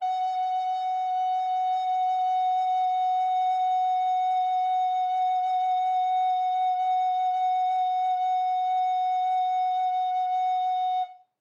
<region> pitch_keycenter=78 lokey=78 hikey=79 tune=-1 volume=15.601894 offset=358 ampeg_attack=0.004000 ampeg_release=0.300000 sample=Aerophones/Edge-blown Aerophones/Baroque Alto Recorder/SusVib/AltRecorder_SusVib_F#4_rr1_Main.wav